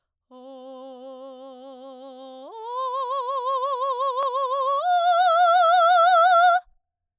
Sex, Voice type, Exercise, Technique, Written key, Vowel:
female, soprano, long tones, full voice forte, , o